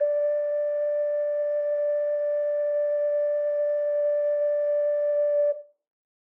<region> pitch_keycenter=74 lokey=74 hikey=75 volume=2.773652 trigger=attack ampeg_attack=0.004000 ampeg_release=0.100000 sample=Aerophones/Edge-blown Aerophones/Ocarina, Typical/Sustains/Sus/StdOcarina_Sus_D4.wav